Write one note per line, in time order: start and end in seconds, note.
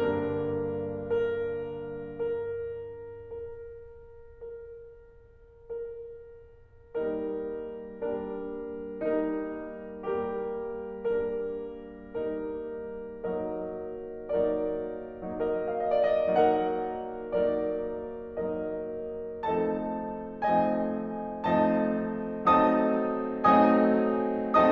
0.00 2.18 G2
0.00 2.18 D3
0.00 2.18 G3
0.00 1.06 A#3
0.00 1.06 D4
0.00 1.06 A#4
1.20 2.18 A#4
2.19 3.29 A#4
3.30 4.39 A#4
4.41 5.50 A#4
5.51 6.95 A#4
6.97 8.00 G3
6.97 8.00 A#3
6.97 8.00 D#4
6.97 8.00 A#4
8.01 8.99 G3
8.01 8.99 A#3
8.01 8.99 D4
8.01 8.99 A#4
9.02 9.97 G3
9.02 9.97 A#3
9.02 9.97 D#4
9.02 9.97 A#4
10.00 10.97 G3
10.00 10.97 A#3
10.00 10.97 G4
10.00 10.97 A#4
10.99 11.90 G3
10.99 11.90 A#3
10.99 11.90 D4
10.99 11.90 A#4
11.92 12.93 G3
11.92 12.93 A#3
11.92 12.93 D#4
11.92 12.93 A#4
12.97 14.06 F#3
12.97 14.06 A#3
12.97 14.06 D#4
12.97 14.06 A#4
12.97 14.06 D#5
14.07 15.14 F#3
14.07 15.14 A#3
14.07 15.14 D#4
14.07 15.14 A#4
14.07 15.14 D5
15.15 16.25 F#3
15.15 16.25 A#3
15.15 16.25 D#4
15.15 16.25 A#4
15.15 15.64 D#5
15.66 15.87 F5
15.78 16.03 D#5
15.92 16.25 D5
16.06 16.25 D#5
16.27 17.30 F#3
16.27 17.30 A#3
16.27 17.30 D#4
16.27 17.30 A#4
16.27 17.30 F#5
17.31 18.17 F#3
17.31 18.17 A#3
17.31 18.17 D#4
17.31 18.17 A#4
17.31 18.17 D5
18.18 19.42 F#3
18.18 19.42 A#3
18.18 19.42 D#4
18.18 19.42 A#4
18.18 19.42 D#5
19.44 20.42 F3
19.44 20.42 A3
19.44 20.42 C4
19.44 20.42 D#4
19.44 20.42 A4
19.44 20.42 D#5
19.44 20.42 A5
20.45 21.50 F3
20.45 21.50 A3
20.45 21.50 C4
20.45 21.50 D#4
20.45 21.50 D#5
20.45 21.50 G#5
21.55 22.38 F3
21.55 22.38 A3
21.55 22.38 C4
21.55 22.38 D#4
21.55 22.38 D#5
21.55 22.38 A5
22.41 23.46 F#3
22.41 23.46 A3
22.41 23.46 C4
22.41 23.46 D#4
22.41 23.46 D#5
22.41 23.46 C6
22.41 23.46 D#6
23.49 24.69 F#3
23.49 24.69 A3
23.49 24.69 C4
23.49 24.69 D#4
23.49 24.69 D#5
23.49 24.69 G#5
23.49 24.69 D#6